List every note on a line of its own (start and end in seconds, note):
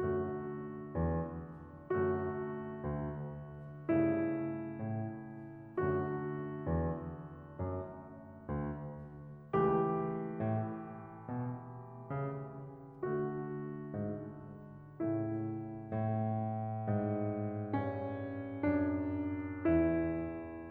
0.00 0.39 F#2
0.00 1.97 D3
0.00 1.97 A3
0.00 1.97 F#4
0.93 1.46 E2
2.00 2.39 F#2
2.00 3.96 D3
2.00 3.96 A3
2.00 3.96 F#4
2.84 3.51 D2
3.97 4.37 G2
3.97 5.77 C#3
3.97 5.77 A3
3.97 5.77 E4
4.79 5.32 A2
5.79 6.19 F#2
5.79 9.56 D3
5.79 9.56 A3
5.79 9.56 F#4
6.71 7.19 E2
7.64 8.08 F#2
8.50 9.15 D2
9.57 10.01 C#2
9.57 13.10 E3
9.57 13.10 A3
9.57 13.10 G4
10.44 10.81 A2
11.24 11.68 B2
12.11 12.72 C#3
13.11 15.02 D3
13.11 15.02 A3
13.11 15.02 F#4
13.93 14.47 G#2
15.05 15.94 A2
15.05 15.94 C#3
15.05 15.94 A3
15.05 15.94 E4
15.95 20.71 A2
16.96 17.81 G#2
17.82 18.55 G2
18.56 19.67 F#2
19.68 20.71 E2